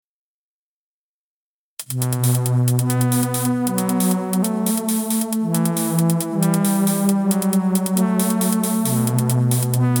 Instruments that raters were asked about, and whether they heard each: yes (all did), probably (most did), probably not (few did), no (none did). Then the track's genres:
synthesizer: yes
Electronic; IDM